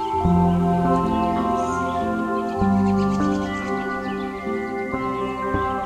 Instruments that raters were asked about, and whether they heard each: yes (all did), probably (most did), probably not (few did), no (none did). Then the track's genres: flute: probably not
New Age; Instrumental